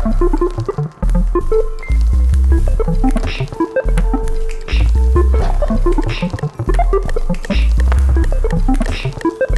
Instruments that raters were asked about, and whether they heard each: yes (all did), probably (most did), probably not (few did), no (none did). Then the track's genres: banjo: no
Electronic; Ambient Electronic; Ambient